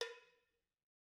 <region> pitch_keycenter=60 lokey=60 hikey=60 volume=15.528839 offset=277 lovel=0 hivel=65 ampeg_attack=0.004000 ampeg_release=15.000000 sample=Idiophones/Struck Idiophones/Cowbells/Cowbell1_Hit_v2_rr1_Mid.wav